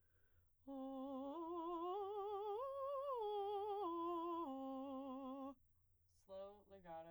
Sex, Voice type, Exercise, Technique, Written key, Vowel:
female, soprano, arpeggios, slow/legato piano, C major, o